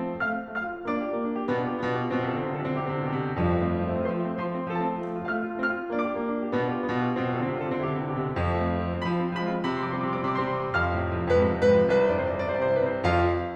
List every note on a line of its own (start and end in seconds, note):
0.00 0.13 F3
0.13 0.17 A3
0.19 0.27 C4
0.27 0.34 A3
0.27 0.58 F5
0.27 0.58 F6
0.35 0.48 C4
0.49 0.58 F4
0.58 0.66 A3
0.58 0.87 F5
0.58 0.87 F6
0.69 0.78 C4
0.78 0.87 F4
0.91 0.98 A#3
0.91 0.98 D4
0.91 1.18 D5
0.91 1.18 D6
0.99 1.08 F4
1.08 1.18 G4
1.20 1.31 A#3
1.20 1.31 D4
1.31 1.40 F4
1.40 1.51 G4
1.52 1.81 B2
1.52 1.63 B3
1.52 1.63 D4
1.63 1.70 F4
1.71 1.81 G4
1.82 2.11 B2
1.82 1.92 B3
1.82 1.92 D4
1.92 2.01 F4
2.02 2.11 G4
2.11 2.31 B2
2.11 2.25 C4
2.24 2.36 C3
2.24 2.33 F4
2.31 2.45 D3
2.31 2.45 A4
2.37 2.52 C3
2.45 2.60 D3
2.45 2.54 C4
2.53 2.66 C3
2.53 2.64 F4
2.60 2.74 D3
2.60 2.74 A4
2.67 2.82 C3
2.74 2.90 D3
2.74 2.84 C4
2.83 3.01 C3
2.83 2.98 E4
2.94 3.10 D3
2.98 3.17 C3
2.98 3.10 G4
3.11 3.24 D3
3.11 3.19 C4
3.17 3.33 C3
3.17 3.31 E4
3.25 3.40 B2
3.31 3.40 C3
3.31 3.40 G4
3.44 4.17 F2
3.44 3.52 F3
3.52 3.63 A3
3.65 3.81 C4
3.81 3.87 F4
3.88 3.94 F3
3.95 4.01 A3
4.01 4.08 C4
4.09 4.17 F4
4.17 4.24 F3
4.17 4.24 C5
4.24 4.28 A3
4.24 4.42 C6
4.28 4.35 C4
4.37 4.42 F4
4.42 4.48 F3
4.42 4.48 C5
4.48 4.55 A3
4.48 4.68 C6
4.55 4.62 C4
4.63 4.68 F4
4.68 4.74 F3
4.68 4.74 A4
4.75 4.79 A3
4.75 4.93 A5
4.81 4.88 C4
4.88 4.93 F4
4.95 5.02 F3
5.02 5.09 A3
5.10 5.17 C4
5.17 5.24 F4
5.25 5.32 A3
5.25 5.31 F5
5.31 5.41 C4
5.31 5.53 F6
5.42 5.53 F4
5.54 5.63 A3
5.54 5.61 F5
5.61 5.74 C4
5.61 5.91 F6
5.75 5.91 F4
5.91 6.01 A#3
5.91 5.96 D5
5.97 6.08 D4
5.97 6.15 D6
6.03 6.14 F4
6.10 6.23 G4
6.15 6.41 A#3
6.26 6.47 D4
6.42 6.55 F4
6.48 6.63 G4
6.55 6.84 B2
6.55 6.72 B3
6.64 6.77 D4
6.72 6.83 F4
6.78 6.93 G4
6.85 7.19 B2
6.85 7.01 B3
6.95 7.08 D4
7.04 7.19 F4
7.11 7.30 G4
7.20 7.38 B2
7.20 7.38 C4
7.30 7.44 C3
7.30 7.47 F4
7.40 7.49 D3
7.40 7.55 A4
7.44 7.57 C3
7.50 7.64 D3
7.50 7.65 C4
7.57 7.71 C3
7.57 7.73 F4
7.65 7.78 D3
7.70 7.84 C3
7.70 7.81 A4
7.78 7.91 D3
7.78 7.91 C4
7.84 7.98 C3
7.84 7.98 E4
7.91 8.06 D3
7.96 8.13 C3
7.96 8.10 G4
8.06 8.20 D3
8.06 8.19 C4
8.14 8.29 C3
8.14 8.31 E4
8.20 8.38 B2
8.27 8.38 C3
8.27 8.43 G4
8.38 9.07 F2
8.38 8.59 F3
8.52 8.64 A3
8.59 8.73 C4
8.67 8.81 F4
8.74 8.90 F3
8.81 8.97 A3
8.93 9.06 C4
9.00 9.14 F4
9.08 9.22 F3
9.08 9.37 B5
9.17 9.31 G#3
9.28 9.39 C4
9.38 9.50 F3
9.38 9.66 B5
9.46 9.60 G#3
9.57 9.71 C4
9.67 9.79 C3
9.67 9.81 B5
9.74 9.86 F3
9.74 9.86 C6
9.81 9.90 G3
9.81 9.91 D6
9.87 10.02 C3
9.87 9.96 C4
9.87 9.97 C6
9.91 10.05 D6
9.96 10.08 F3
9.96 10.12 C6
10.03 10.16 G3
10.03 10.21 D6
10.11 10.23 C4
10.11 10.25 C6
10.21 10.32 C3
10.21 10.33 D6
10.26 10.37 E3
10.26 10.37 C6
10.33 10.43 G3
10.33 10.45 D6
10.38 10.50 C4
10.38 10.52 C6
10.43 10.58 C3
10.43 10.60 D6
10.50 10.63 E3
10.50 10.67 C6
10.59 10.70 G3
10.59 10.73 B5
10.65 10.77 C4
10.65 10.73 C6
10.74 10.83 F2
10.74 11.28 F5
10.74 11.28 F6
10.80 10.89 A2
10.84 10.97 C3
10.90 11.04 F3
10.98 11.12 F2
11.05 11.18 A2
11.13 11.26 C3
11.22 11.34 F3
11.30 11.41 F2
11.30 11.56 B4
11.39 11.51 G#2
11.47 11.61 C3
11.56 11.75 F2
11.56 11.94 B4
11.68 11.85 G#2
11.83 11.98 C3
11.94 12.06 C2
11.94 12.10 B4
12.04 12.12 F2
12.04 12.12 C5
12.10 12.17 G2
12.10 12.26 C3
12.10 12.27 C5
12.10 12.20 D5
12.18 12.31 C2
12.18 12.34 D5
12.25 12.38 F2
12.25 12.42 C5
12.33 12.46 G2
12.33 12.49 D5
12.40 12.53 C3
12.40 12.57 C5
12.50 12.63 C2
12.50 12.64 D5
12.57 12.69 E2
12.57 12.71 C5
12.65 12.76 G2
12.65 12.77 D5
12.71 12.83 C3
12.71 12.84 C5
12.76 12.86 C2
12.76 12.90 D5
12.82 12.93 E2
12.82 12.99 C5
12.89 13.01 G2
12.89 13.05 B4
12.96 13.10 C3
12.96 13.05 C5
13.06 13.40 F2
13.06 13.40 F4
13.06 13.40 F5